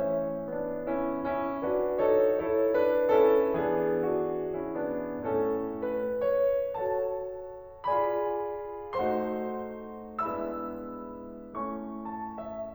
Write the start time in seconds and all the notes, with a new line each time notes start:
0.01 E3 A3 C#4 C#5 E5
0.45 B3 D4
0.89 C#4 E4
1.33 C#4 E4
1.67 D4 F#4 B4 D5
2.00 D#4 F#4 A4 C#5
2.37 E4 A4 C#5
2.77 D4 B4
3.09 C#4 E4 A4
3.58 E3 B3 D4 G#4
4.02 D4 F#4
4.46 C#4 E4
4.74 B3 D4
5.23 A2 A3 C#4 A4
5.65 B4
6.24 C#5
6.74 F#4 A4 C#5 A5
7.89 F4 G#4 D5 G#5 B5
8.98 A3 D#4 F#4 C5 F#5 C6
10.25 G#3 B3 D4 E4 E5 B5 E6
11.63 A3 C#4 E4 C#6
12.02 A5
12.35 E5